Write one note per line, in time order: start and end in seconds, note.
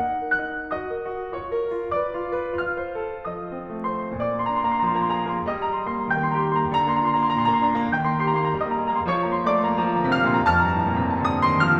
0.00 0.23 D#4
0.00 0.66 F#5
0.00 0.33 A#5
0.23 0.44 A#4
0.33 0.66 F#6
0.45 0.66 D#4
0.66 0.89 F#4
0.66 1.31 D#5
0.66 1.31 D#6
0.89 1.09 A#4
1.10 1.31 F#4
1.31 1.56 F4
1.31 1.93 C#5
1.31 1.93 C#6
1.56 1.72 A#4
1.73 1.93 F4
1.93 2.15 B4
1.93 2.59 D5
1.93 2.59 D6
2.15 2.31 F4
2.32 2.59 B4
2.59 2.80 F4
2.59 3.31 F5
2.59 3.31 F6
2.80 3.02 C5
3.03 3.31 A4
3.31 3.52 F3
3.31 3.84 D#5
3.31 3.85 D#6
3.52 3.78 C4
3.80 4.09 A3
3.84 4.09 C5
3.84 4.09 C6
4.09 4.40 A#2
4.09 5.51 D5
4.09 4.40 A#5
4.09 5.51 D6
4.32 4.47 C6
4.40 4.55 A#3
4.40 4.55 A#5
4.47 4.62 C6
4.56 4.71 D4
4.56 4.71 A#5
4.63 4.81 C6
4.71 4.88 A#3
4.71 4.88 A#5
4.81 4.97 C6
4.88 5.04 F3
4.88 5.04 A#5
4.97 5.11 C6
5.04 5.18 A#3
5.04 5.18 A#5
5.11 5.24 C6
5.19 5.33 G#4
5.19 5.33 A#5
5.25 5.40 C6
5.33 5.51 A#3
5.33 5.51 A#5
5.40 5.60 C6
5.51 5.67 G3
5.51 6.12 D#5
5.51 5.67 A#5
5.51 6.12 D#6
5.60 5.75 C6
5.67 5.80 A#3
5.67 5.80 A#5
5.75 5.87 C6
5.82 5.96 A#4
5.82 5.96 A#5
5.89 6.04 C6
5.96 6.12 A#3
5.96 6.12 A#5
6.04 6.20 C6
6.12 6.28 D#3
6.12 6.70 G5
6.12 6.28 A#5
6.12 6.70 G6
6.20 6.35 C6
6.28 6.41 A#3
6.28 6.41 A#5
6.35 6.48 C6
6.42 6.56 G4
6.42 6.56 A#5
6.49 6.63 C6
6.56 6.70 A#3
6.56 6.70 A#5
6.63 6.79 C6
6.70 6.86 D3
6.70 6.86 A#5
6.70 7.91 A#6
6.79 6.92 C6
6.86 7.01 A#3
6.86 7.01 A#5
6.95 7.13 C6
7.02 7.20 F4
7.02 7.20 A#5
7.13 7.28 C6
7.20 7.35 A#3
7.20 7.35 A#5
7.28 7.42 C6
7.35 7.49 D3
7.35 7.49 A#5
7.42 7.55 C6
7.49 7.60 A#3
7.49 7.60 A#5
7.56 7.66 C6
7.62 7.73 D4
7.62 7.73 A#5
7.66 7.81 C6
7.73 7.91 A#3
7.73 7.91 A#5
7.81 7.98 C6
7.91 8.05 D#3
7.91 8.57 G5
7.91 8.05 A#5
7.91 8.57 G6
7.98 8.09 C6
8.05 8.19 A#3
8.05 8.19 A#5
8.10 8.25 C6
8.20 8.35 G4
8.20 8.35 A#5
8.25 8.48 C6
8.35 8.57 A#3
8.35 8.57 A#5
8.48 8.73 C6
8.57 8.80 G3
8.57 9.22 D#5
8.57 8.80 A#5
8.57 9.22 D#6
8.73 8.86 C6
8.80 8.93 A#3
8.80 8.93 A#5
8.87 9.00 C6
8.94 9.08 A#4
8.94 9.08 A#5
9.00 9.15 C6
9.08 9.22 A#3
9.08 9.22 A#5
9.15 9.29 C6
9.22 9.36 F3
9.22 9.49 C#5
9.22 9.36 A#5
9.22 9.49 C#6
9.29 9.40 C6
9.36 9.49 A#3
9.36 9.49 A#5
9.42 9.57 C6
9.50 9.64 A3
9.50 10.11 D5
9.50 9.64 A#5
9.50 10.11 D6
9.57 9.71 C6
9.64 9.78 A#3
9.64 9.78 A#5
9.71 9.85 C6
9.78 9.95 F3
9.78 9.95 A#5
9.85 10.02 C6
9.95 10.11 D3
9.95 10.11 A#5
10.03 10.19 C6
10.12 10.26 C3
10.12 10.48 F5
10.12 10.26 A#5
10.12 10.48 F6
10.19 10.37 C6
10.26 10.48 A#2
10.26 10.48 A#5
10.37 10.60 C6
10.48 10.67 F2
10.48 10.67 A5
10.48 11.32 F6
10.60 10.74 A#5
10.67 10.81 G2
10.67 10.81 A5
10.75 10.97 A#5
10.81 11.05 A2
10.81 11.05 A5
10.97 11.13 A#5
11.05 11.19 A#2
11.05 11.19 A5
11.13 11.26 A#5
11.19 11.32 C3
11.19 11.32 A5
11.26 11.40 A#5
11.34 11.48 D3
11.34 11.48 A5
11.34 11.48 D#6
11.41 11.55 A#5
11.48 11.64 D#3
11.48 11.64 A5
11.48 11.64 C6
11.55 11.73 A#5
11.64 11.80 F3
11.64 11.80 A5
11.64 11.80 F6
11.73 11.80 A#5